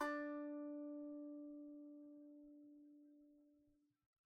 <region> pitch_keycenter=62 lokey=62 hikey=63 volume=13.556727 lovel=0 hivel=65 ampeg_attack=0.004000 ampeg_release=15.000000 sample=Chordophones/Composite Chordophones/Strumstick/Finger/Strumstick_Finger_Str2_Main_D3_vl1_rr2.wav